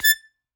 <region> pitch_keycenter=93 lokey=92 hikey=94 tune=2 volume=0.639743 seq_position=1 seq_length=2 ampeg_attack=0.004000 ampeg_release=0.300000 sample=Aerophones/Free Aerophones/Harmonica-Hohner-Special20-F/Sustains/Stac/Hohner-Special20-F_Stac_A5_rr1.wav